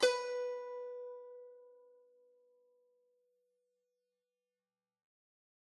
<region> pitch_keycenter=71 lokey=70 hikey=72 volume=11.869125 offset=11 lovel=66 hivel=99 ampeg_attack=0.004000 ampeg_release=0.300000 sample=Chordophones/Zithers/Dan Tranh/Normal/B3_f_1.wav